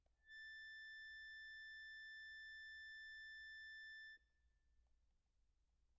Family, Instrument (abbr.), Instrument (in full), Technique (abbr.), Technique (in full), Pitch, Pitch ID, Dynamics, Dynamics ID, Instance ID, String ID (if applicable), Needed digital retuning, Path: Keyboards, Acc, Accordion, ord, ordinario, A6, 93, pp, 0, 1, , FALSE, Keyboards/Accordion/ordinario/Acc-ord-A6-pp-alt1-N.wav